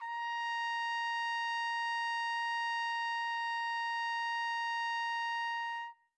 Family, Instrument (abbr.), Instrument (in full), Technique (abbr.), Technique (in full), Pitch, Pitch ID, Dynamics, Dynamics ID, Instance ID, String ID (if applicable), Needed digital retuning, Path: Brass, TpC, Trumpet in C, ord, ordinario, A#5, 82, mf, 2, 0, , FALSE, Brass/Trumpet_C/ordinario/TpC-ord-A#5-mf-N-N.wav